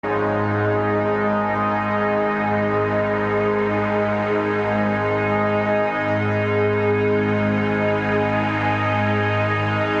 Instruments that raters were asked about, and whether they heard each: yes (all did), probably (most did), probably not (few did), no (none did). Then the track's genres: cello: probably not
Soundtrack; Ambient Electronic; Ambient; Minimalism; Instrumental